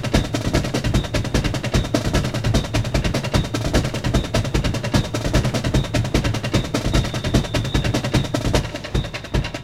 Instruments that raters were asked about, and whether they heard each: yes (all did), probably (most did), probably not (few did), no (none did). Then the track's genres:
saxophone: no
drums: yes
Rock; Experimental